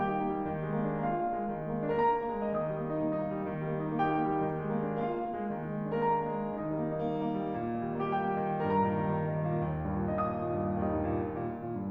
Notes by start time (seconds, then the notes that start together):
0.00 A#3 G4 G5
0.14 D#4
0.29 A#3
0.39 G3
0.52 D#3
0.65 G#3
0.77 A#3
0.89 D4
1.00 A#3 F4 F5
1.11 D4
1.21 A#3
1.34 G#3
1.45 D#3
1.63 G#3
1.75 A#3
1.88 D4
1.99 A#3 A#4
2.09 D4 A#5
2.21 A#3
2.37 G#3
2.47 D#3 D#5
2.60 G3 D#6
2.71 A#3
2.87 D#4
3.00 A#3
3.17 D#4
3.29 A#3
3.41 G3
3.52 D#3
3.65 G3
3.76 A#3
3.88 D#4
3.99 A#3 G4 G5
4.10 D#4
4.21 A#3
4.32 G3
4.45 D#3
4.56 G#3
4.70 A#3
4.81 D4
4.95 A#3 F4 F5
5.06 D4
5.15 A#3
5.34 G#3
5.47 D#3
5.60 G#3
5.71 A#3
5.82 D4
5.93 A#3 A#4
6.06 D4 A#5
6.15 A#3
6.27 G#3
6.37 D#3 D#4
6.50 G3 D#5
6.65 A#3
6.77 D#4
6.93 A#3
7.05 D#4
7.16 A#3
7.28 G3
7.42 D#3
7.56 G3
7.67 A#3
7.79 D#4
7.96 A#3 G4
8.10 D#4 G5
8.24 A#3
8.37 G3
8.58 G2 A#4
8.67 A#2 A#5
8.79 D#3
8.95 G3
9.07 D#3
9.20 G3
9.32 D#3
9.45 A#2
9.62 D#2
9.73 G2
9.86 A#2
9.97 D#3
10.10 A#2 D#5
10.27 D#3 D#6
10.41 A#2
10.55 G2
10.76 D#2 G3 D#4
10.89 G2
11.10 A#2
11.23 D#3
11.34 A#2
11.51 D#3
11.64 A#2
11.76 G2